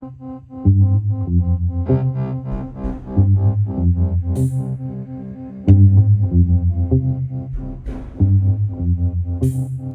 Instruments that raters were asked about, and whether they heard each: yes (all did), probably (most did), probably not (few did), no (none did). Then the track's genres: bass: yes
Folk; Experimental